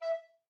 <region> pitch_keycenter=76 lokey=76 hikey=77 tune=3 volume=16.268070 offset=364 ampeg_attack=0.004000 ampeg_release=10.000000 sample=Aerophones/Edge-blown Aerophones/Baroque Tenor Recorder/Staccato/TenRecorder_Stac_E4_rr1_Main.wav